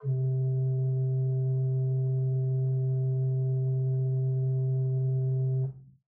<region> pitch_keycenter=36 lokey=36 hikey=37 offset=30 ampeg_attack=0.004000 ampeg_release=0.300000 amp_veltrack=0 sample=Aerophones/Edge-blown Aerophones/Renaissance Organ/4'/RenOrgan_4foot_Room_C1_rr1.wav